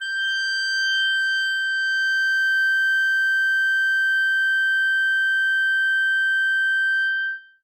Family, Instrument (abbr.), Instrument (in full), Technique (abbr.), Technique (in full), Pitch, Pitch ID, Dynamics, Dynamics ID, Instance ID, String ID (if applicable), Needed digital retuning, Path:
Winds, ClBb, Clarinet in Bb, ord, ordinario, G6, 91, ff, 4, 0, , FALSE, Winds/Clarinet_Bb/ordinario/ClBb-ord-G6-ff-N-N.wav